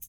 <region> pitch_keycenter=67 lokey=67 hikey=67 volume=18.732551 seq_position=2 seq_length=2 ampeg_attack=0.004000 ampeg_release=30.000000 sample=Idiophones/Struck Idiophones/Shaker, Small/Mid_ShakerLowFaster_Up_rr2.wav